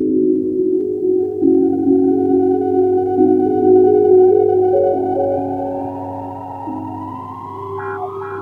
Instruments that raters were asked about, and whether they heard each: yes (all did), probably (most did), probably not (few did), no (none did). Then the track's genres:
organ: probably
Electronic; Hip-Hop Beats